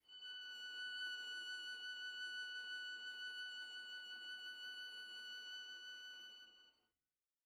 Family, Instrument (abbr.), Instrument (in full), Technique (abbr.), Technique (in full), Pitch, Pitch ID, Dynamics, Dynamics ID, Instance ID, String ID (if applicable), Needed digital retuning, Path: Strings, Va, Viola, ord, ordinario, F#6, 90, pp, 0, 0, 1, FALSE, Strings/Viola/ordinario/Va-ord-F#6-pp-1c-N.wav